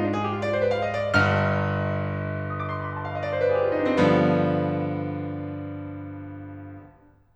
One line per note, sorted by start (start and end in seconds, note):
0.00 0.10 D4
0.10 0.21 G#4
0.21 0.31 G4
0.31 0.39 F4
0.39 0.51 D5
0.51 0.59 C5
0.60 0.75 B4
0.75 0.87 F5
0.88 1.00 D#5
1.01 1.25 D5
1.25 3.96 G1
1.25 3.96 G2
1.25 2.48 F6
2.48 2.61 D#6
2.61 2.71 D6
2.71 2.82 C6
2.82 2.93 B5
2.94 3.04 G#5
3.04 3.11 G5
3.11 3.20 F5
3.20 3.30 D5
3.20 3.23 D#5
3.30 3.39 C5
3.39 3.49 B4
3.51 3.61 G#4
3.61 3.70 G4
3.68 3.76 F4
3.75 3.83 D#4
3.82 3.90 D4
3.88 3.95 C4
3.96 7.20 G2
3.96 7.20 D3
3.96 7.20 F3
3.96 7.20 B3